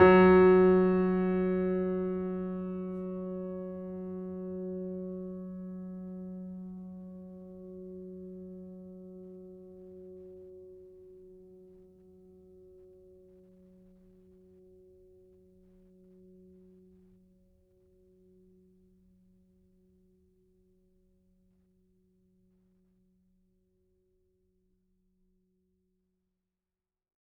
<region> pitch_keycenter=54 lokey=54 hikey=55 volume=0.339593 lovel=0 hivel=65 locc64=65 hicc64=127 ampeg_attack=0.004000 ampeg_release=0.400000 sample=Chordophones/Zithers/Grand Piano, Steinway B/Sus/Piano_Sus_Close_F#3_vl2_rr1.wav